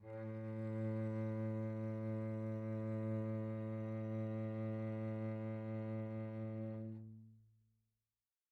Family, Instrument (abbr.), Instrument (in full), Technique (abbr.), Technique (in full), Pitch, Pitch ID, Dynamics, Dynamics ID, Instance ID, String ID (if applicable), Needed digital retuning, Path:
Strings, Vc, Cello, ord, ordinario, A2, 45, pp, 0, 3, 4, FALSE, Strings/Violoncello/ordinario/Vc-ord-A2-pp-4c-N.wav